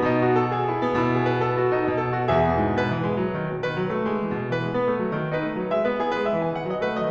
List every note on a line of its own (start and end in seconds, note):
0.00 1.06 B2
0.00 0.15 D#4
0.16 0.35 F#4
0.36 0.53 A4
0.55 0.68 G#4
0.68 0.86 E4
0.86 1.06 B3
1.06 1.85 B2
1.06 1.20 E4
1.20 1.32 G#4
1.32 1.44 B4
1.44 1.57 A4
1.58 1.72 F#4
1.73 1.85 D#4
1.85 2.33 B2
1.85 2.00 D#5
2.00 2.18 B4
2.18 2.33 F#4
2.33 2.48 E3
2.33 2.75 G#4
2.33 2.75 E5
2.48 2.61 B2
2.62 2.75 G#2
2.75 2.87 B2
2.75 3.65 B4
2.88 3.04 E3
3.04 3.18 G#3
3.18 3.32 F#3
3.32 3.49 D#3
3.49 3.65 B2
3.65 3.77 D#3
3.65 4.50 B4
3.77 3.90 F#3
3.91 4.03 A3
4.04 4.20 G#3
4.21 4.34 E3
4.34 4.50 B2
4.50 4.62 E3
4.50 5.29 B4
4.62 4.74 G#3
4.74 4.88 B3
4.88 5.02 A3
5.03 5.15 F#3
5.17 5.29 D#3
5.29 5.48 D#4
5.29 5.69 B4
5.48 5.61 B3
5.61 5.69 F#3
5.69 5.82 G#3
5.69 5.82 E5
5.82 5.96 B3
5.82 5.96 B4
5.96 6.08 E4
5.96 6.08 G#4
6.10 6.21 B3
6.10 6.21 B4
6.22 6.37 G#3
6.22 6.37 E5
6.39 6.55 E3
6.39 6.55 G#5
6.56 6.69 D#3
6.56 6.69 F#5
6.69 6.80 F#3
6.69 6.80 D#5
6.80 6.94 A3
6.80 6.94 B4
6.94 7.11 F#3
6.94 7.11 D#5